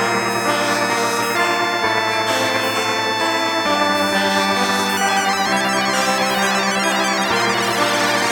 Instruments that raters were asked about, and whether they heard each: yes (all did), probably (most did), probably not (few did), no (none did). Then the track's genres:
accordion: no
organ: no
Electronic